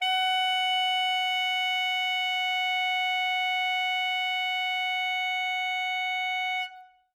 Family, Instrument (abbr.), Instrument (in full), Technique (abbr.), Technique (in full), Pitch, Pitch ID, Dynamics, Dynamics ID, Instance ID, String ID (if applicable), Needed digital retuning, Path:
Winds, ASax, Alto Saxophone, ord, ordinario, F#5, 78, ff, 4, 0, , FALSE, Winds/Sax_Alto/ordinario/ASax-ord-F#5-ff-N-N.wav